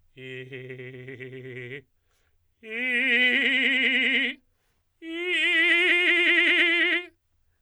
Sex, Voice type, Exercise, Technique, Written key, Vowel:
male, tenor, long tones, trillo (goat tone), , i